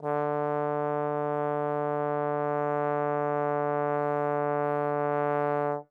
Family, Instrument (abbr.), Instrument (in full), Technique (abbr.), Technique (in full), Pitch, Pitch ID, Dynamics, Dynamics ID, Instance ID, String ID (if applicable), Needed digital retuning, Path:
Brass, Tbn, Trombone, ord, ordinario, D3, 50, mf, 2, 0, , FALSE, Brass/Trombone/ordinario/Tbn-ord-D3-mf-N-N.wav